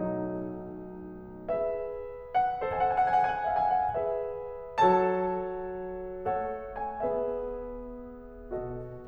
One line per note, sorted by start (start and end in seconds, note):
0.00 1.49 B1
0.00 1.49 F#3
0.00 1.49 A3
0.00 1.49 D#4
1.50 2.65 G#4
1.50 2.65 B4
1.50 2.37 E5
2.40 2.65 F#5
2.65 3.99 A4
2.65 3.99 C5
2.65 2.74 G#5
2.69 2.81 F#5
2.74 2.89 G#5
2.82 2.94 F#5
2.89 3.00 G#5
2.94 3.05 F#5
3.01 3.09 G#5
3.05 3.13 F#5
3.05 3.22 G#5
3.15 3.24 F#5
3.22 3.33 F#5
3.22 3.29 G#5
3.30 3.38 G#5
3.34 3.42 F#5
3.34 3.51 G#5
3.42 3.56 F#5
3.52 3.62 G#5
3.56 3.66 F#5
3.62 3.74 E5
3.74 3.85 G#5
3.87 3.99 F#5
3.99 4.82 G#4
3.99 4.82 B4
3.99 4.82 E5
4.82 6.30 F#3
4.82 6.30 F#4
4.82 6.30 A4
4.82 6.30 C#5
4.82 6.30 A5
6.30 7.01 A3
6.30 7.01 A4
6.30 7.01 C#5
6.30 6.91 F#5
6.91 7.01 G#5
7.01 8.50 B3
7.01 8.50 G#4
7.01 8.50 B4
7.01 8.50 E5
8.50 8.96 B2
8.50 8.96 F#4
8.50 8.96 A4
8.50 8.96 D#5